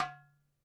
<region> pitch_keycenter=61 lokey=61 hikey=61 volume=9.031788 lovel=0 hivel=83 seq_position=2 seq_length=2 ampeg_attack=0.004000 ampeg_release=30.000000 sample=Membranophones/Struck Membranophones/Darbuka/Darbuka_2_hit_vl1_rr1.wav